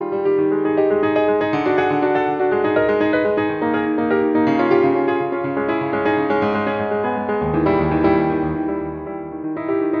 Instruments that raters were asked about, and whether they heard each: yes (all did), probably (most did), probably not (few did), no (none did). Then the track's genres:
piano: yes
Classical